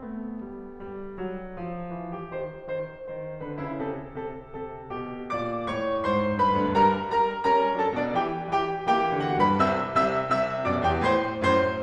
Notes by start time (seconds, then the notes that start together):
0.00 A3 B3
0.42 G3
0.82 G3
1.20 F#3
1.65 F3
1.97 E3
2.14 G4
2.35 D#3 C5
2.69 D#3 C5
3.09 D#3 C5
3.42 D3 B4
3.68 E4
3.85 C#3 A4
4.27 C3 A4
4.59 C3 A4
4.99 B2 G4
5.40 A#2 D5 D6
5.72 A2 C#5 C#6
6.10 G#2 C5 C6
6.44 G2 B4 B5
6.59 D2 D3
6.75 G2 G3 A#4 A#5
7.12 G3 A#4 A#5
7.45 G3 C#4 A#4 A#5
7.77 F#3 D4 A4 A5
7.95 B2 D4 D5
8.16 E3 G4 G5
8.54 E3 G4 G5
8.88 E3 A#3 G4 G5
9.24 D3 B3 F#4 F#5
9.40 G2 B4 B5
9.61 C3 E5 E6
9.97 C2 C3 E5 E6
10.24 F#2 C3 E5 E6
10.60 G2 B2 D5 D6
10.84 E2 G4 G5
11.03 A2 C5 C6
11.38 F#2 A2 C5 C6